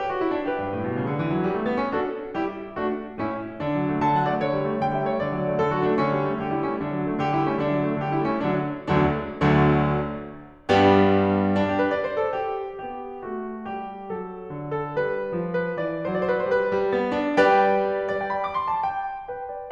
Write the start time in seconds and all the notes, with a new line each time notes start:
0.00 G4
0.12 F#4
0.24 E4
0.36 D4
0.48 G4 B4
0.59 G2
0.73 A2
0.89 B2
1.01 C#3
1.11 D3
1.25 E3
1.39 F#3
1.51 G3
1.60 A3
1.71 B3
1.85 C#4
2.00 D4 F#4 A4
2.37 G3 E4 G4
2.81 A3 D4 F#4
3.23 A2 C#4 E4
3.59 D3 D4
3.72 F#3
3.85 A3
3.98 D3 A5
4.17 F#3 F#5
4.31 A3 D5
4.41 D3 C#5
4.54 G3
4.68 A3
4.85 D3 G5
4.98 G3 E5
5.12 A3 C#5
5.24 D3 D5
5.36 F#3
5.51 A3
5.61 D3 A4
5.71 F#3 F#4
5.82 A3 D4
5.96 D3 C#4
6.07 G3
6.20 A3
6.37 D3 G4
6.52 G3 E4
6.65 A3 C#4
6.84 D3 D4
6.97 F#3
7.09 A3
7.22 D3 G4
7.38 G3 E4
7.51 A3 C#4
7.65 D3 D4
7.76 F#3
7.88 A3
8.02 D3 G4
8.14 G3 E4
8.27 A3 C#4
8.43 D3 F#3 D4
8.93 D2 D3 F#3 A3 D4
9.65 D2 D3 F#3 A3 D4
10.70 G2 G3 B3 D4 G4
11.55 D4
11.68 G4
11.82 B4
11.94 D5
12.07 C5
12.21 A4
12.34 G4
12.84 B3 G4
13.26 A3 F#4
13.62 G3 G4
14.07 F#3 A4
14.52 D3
14.72 A4
14.92 G3 B4
15.36 F3
15.59 B4
15.79 E3 D5
16.18 F#3 C5
16.24 D5
16.29 C5
16.34 C5 D5
16.42 D5
16.46 B4
16.51 C5
16.56 G3 B4
16.75 G3
16.96 B3
17.18 D4
17.40 G3 G4 B4 D5 G5
18.09 D5
18.20 G5
18.32 B5
18.44 D6
18.55 C6
18.69 A5
18.83 G5
19.30 B4 G5
19.49 D5